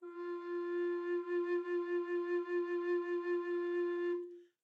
<region> pitch_keycenter=65 lokey=65 hikey=66 tune=-5 volume=19.279131 offset=827 ampeg_attack=0.004000 ampeg_release=0.300000 sample=Aerophones/Edge-blown Aerophones/Baroque Bass Recorder/SusVib/BassRecorder_SusVib_F3_rr1_Main.wav